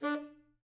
<region> pitch_keycenter=62 lokey=62 hikey=63 tune=3 volume=21.242213 offset=166 lovel=0 hivel=83 ampeg_attack=0.004000 ampeg_release=1.500000 sample=Aerophones/Reed Aerophones/Tenor Saxophone/Staccato/Tenor_Staccato_Main_D3_vl1_rr1.wav